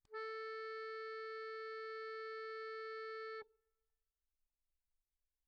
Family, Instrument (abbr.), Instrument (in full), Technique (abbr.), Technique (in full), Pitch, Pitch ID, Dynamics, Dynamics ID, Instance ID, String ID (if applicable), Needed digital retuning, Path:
Keyboards, Acc, Accordion, ord, ordinario, A4, 69, pp, 0, 2, , FALSE, Keyboards/Accordion/ordinario/Acc-ord-A4-pp-alt2-N.wav